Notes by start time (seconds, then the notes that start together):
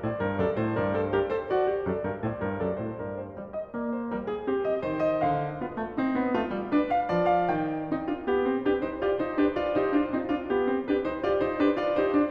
0.00 A2 C5 D5
0.17 G2 A#4
0.37 F#2 A4 D5
0.60 A2 C5
0.78 G2 A#4 D5
0.96 A4 C5
1.17 G4 A#4
1.32 A4 C5
1.51 F#4 D5
1.73 G4
1.90 F#2 A4 D5
2.08 G2 A#4
2.25 A2 C5 D5
2.41 G2 A#4
2.62 F#2 A4 D5
2.79 A2 C5
2.94 G2 A#4 D5
3.13 C5
3.34 G3 D5
3.54 D#5
3.75 A#3 D5
3.92 C5
4.11 G3 A#4
4.28 G#4
4.46 C4 G4
4.64 D#5
4.85 D#3 C5
5.00 D#5
5.22 D3 F5
5.60 B3 F4
5.78 A3
5.96 C4 D#4
6.14 B3
6.34 A3 F4
6.55 G3
6.75 D4 B4
6.92 F5
7.12 F3 D5
7.31 F5
7.48 D#3 G5
7.89 C4 D#4
8.10 D4 F4
8.28 B3 G4
8.46 C4
8.64 D4 G4 B4
8.84 D#4 C5
9.02 F4 G4 D5
9.20 D#4 C5
9.42 D4 G4 B4
9.59 F4 D5
9.76 D#4 G4 C5
9.97 D4 F4
10.15 C4 D#4
10.30 D4 F4
10.51 B3 G4
10.66 C4
10.83 D4 G4 B4
11.01 D#4 C5
11.20 F4 G4 D5
11.39 D#4 C5
11.58 D4 G4 B4
11.75 F4 D5
11.95 D#4 G4 C5
12.11 D4